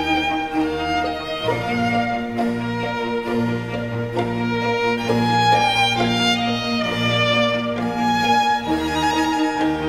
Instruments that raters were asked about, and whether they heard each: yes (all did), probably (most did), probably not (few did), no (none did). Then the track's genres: violin: yes
synthesizer: no
Classical